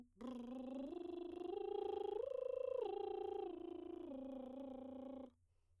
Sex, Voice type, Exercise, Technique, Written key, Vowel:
female, soprano, arpeggios, lip trill, , o